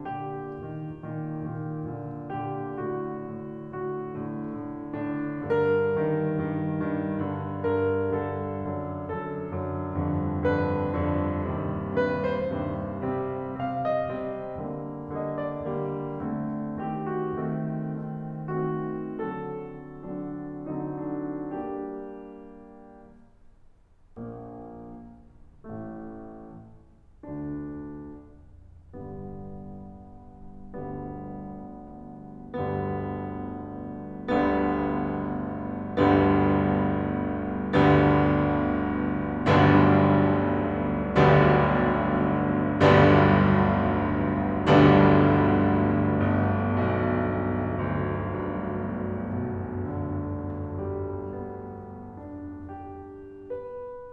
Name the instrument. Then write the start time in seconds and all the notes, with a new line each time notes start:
piano
0.00 A#2 D3 G4
0.59 A#2 D#3
1.02 A#2 D#3
1.52 A#2 D#3
2.00 A#2 D3
2.40 A#2 D3 G4
2.83 A2 D3 F#4
3.22 A2 D3
3.65 A2 D3 F#4
4.11 A2 D3
4.57 A2 D3
4.95 A2 D3 D4
5.47 G2 D3 A#4
5.83 G2 D#3
6.32 G2 D#3
6.73 G2 D#3
7.23 G2 D3
7.66 G2 D3 A#4
8.12 G2 D3 A4
8.64 F#2 D3
9.14 F#2 D3 A4
9.57 F#2 D3
10.05 F2 G2 D3
10.46 F2 G2 D3 B4
10.98 F2 G2 D3
11.42 D#2 G2 C3
12.10 D#2 G2 C3 B4
12.33 C5
12.56 D#2 G2 C3
13.05 C3 G3 C4
13.60 C3 G3 C4 F5
13.83 D#5
14.12 C3 G3 C4
14.69 D3 G3 A#3
15.16 D3 G3 A#3 D#5
15.43 D5
15.77 D3 G3 A#3
16.25 D3 A3 C4
16.86 D#3 A3 C4 G4
17.23 F#4
17.45 D#3 A3 C4
18.00 D#3 A3 C4
18.53 D#3 A3 C4 F#4
19.11 D3 F#3 C4 A4
19.71 D3 F#3 C4 D4
20.53 D3 F#3 C4 D#4
20.96 D4
21.49 G3 A#3 D4 G4
24.15 A#1 A#2 A#3
25.67 A1 A2 A3
27.24 D2 D3 D4
28.93 G2 D3 G3 B3
30.71 G1 D2 G2 D3 G3 B3
32.33 G1 D2 G2 D3 G3 B3
33.91 G1 D2 G2 D3 G3 B3
35.49 G1 D2 G2 D3 G3 B3
36.95 G1 D2 G2 D3 G3 B3
38.57 G1 B1 D2 G2 D3 G3 B3 D4
40.28 G1 B1 D2 G2 D3 G3 B3 D4
41.97 G1 B1 D2 G2 D3 G3 B3 D4
43.77 G1 B1 D2 G2 D3 G3 B3 D4
45.63 G1
46.41 B1
47.79 D2
48.29 G2
49.38 B2
49.91 D3
50.83 G3
51.19 B3
52.21 D4
52.69 G4
53.53 B4